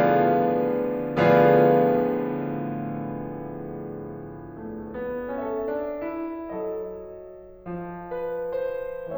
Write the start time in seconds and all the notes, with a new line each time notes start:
0.00 A2 D3 F3 B3 F4 G#4 B4 D5 F5
1.28 A2 D3 F3 B3 F4 G#4 B4 D5 F5
4.59 A3
4.97 B3
5.40 C#4 A4 E5
5.77 D4
6.10 E4
6.48 F#3 A4 D#5
7.67 F3
8.15 B4
8.58 C5